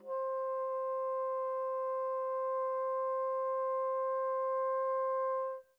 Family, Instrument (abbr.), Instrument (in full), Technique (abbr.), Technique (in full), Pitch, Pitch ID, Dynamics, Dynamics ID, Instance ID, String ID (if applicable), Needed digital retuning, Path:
Winds, Bn, Bassoon, ord, ordinario, C5, 72, pp, 0, 0, , FALSE, Winds/Bassoon/ordinario/Bn-ord-C5-pp-N-N.wav